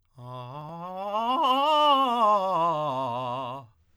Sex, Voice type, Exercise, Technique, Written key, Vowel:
male, tenor, scales, fast/articulated piano, C major, a